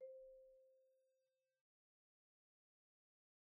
<region> pitch_keycenter=72 lokey=69 hikey=75 volume=36.835571 offset=119 xfout_lovel=0 xfout_hivel=83 ampeg_attack=0.004000 ampeg_release=15.000000 sample=Idiophones/Struck Idiophones/Marimba/Marimba_hit_Outrigger_C4_soft_01.wav